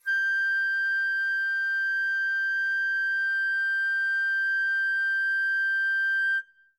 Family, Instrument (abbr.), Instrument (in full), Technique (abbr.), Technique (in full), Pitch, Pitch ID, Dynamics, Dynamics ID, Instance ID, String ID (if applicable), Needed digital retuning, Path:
Winds, Fl, Flute, ord, ordinario, G6, 91, mf, 2, 0, , FALSE, Winds/Flute/ordinario/Fl-ord-G6-mf-N-N.wav